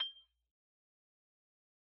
<region> pitch_keycenter=91 lokey=88 hikey=93 volume=16.502175 lovel=0 hivel=83 ampeg_attack=0.004000 ampeg_release=15.000000 sample=Idiophones/Struck Idiophones/Xylophone/Soft Mallets/Xylo_Soft_G6_pp_01_far.wav